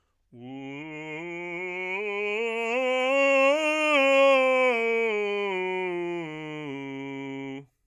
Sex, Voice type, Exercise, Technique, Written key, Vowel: male, bass, scales, belt, , u